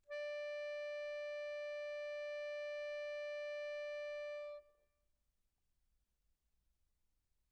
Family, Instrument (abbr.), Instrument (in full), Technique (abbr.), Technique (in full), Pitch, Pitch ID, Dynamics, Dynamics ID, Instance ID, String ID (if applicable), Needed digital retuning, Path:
Keyboards, Acc, Accordion, ord, ordinario, D5, 74, pp, 0, 0, , FALSE, Keyboards/Accordion/ordinario/Acc-ord-D5-pp-N-N.wav